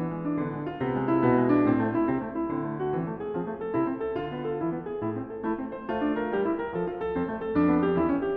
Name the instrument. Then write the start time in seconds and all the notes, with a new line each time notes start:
piano
0.00 E3 B3
0.13 G#3
0.24 D4
0.37 D3 B3
0.52 G#3
0.64 F4
0.80 C3 B3
1.01 G#3
1.11 E4
1.28 B2 B3
1.40 G#3
1.51 D4
1.67 A2 C4
1.83 A3
1.96 E4
2.09 C3 C4
2.23 A3
2.38 E4
2.53 D3 C4
2.67 A3
2.83 F#4
2.97 E3 C4
3.08 A3
3.18 G#4
3.33 F3 C4
3.45 A3
3.58 A4
3.74 C3 E4
3.85 C4
3.99 A4
4.19 D3 F4
4.33 B3
4.44 A4
4.63 E3 E4
4.76 B3
4.91 G#4
5.07 A2 E4
5.20 C4
5.31 A4
5.46 A3 E4
5.56 C4
5.72 C5
5.92 A3 F4
6.05 D4
6.14 A#4
6.33 G3 G4
6.43 E4
6.56 A#4
6.75 F3 A4
6.86 F4
6.99 A4
7.15 F2 C4
7.30 A3
7.44 A4
7.60 F2 D4
7.74 B3
7.85 G4
7.96 E2 E4
8.09 C#4
8.21 G4